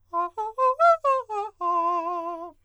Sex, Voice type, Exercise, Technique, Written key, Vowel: male, countertenor, arpeggios, fast/articulated forte, F major, a